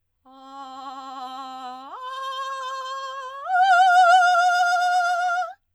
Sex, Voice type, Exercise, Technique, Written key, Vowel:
female, soprano, long tones, trillo (goat tone), , a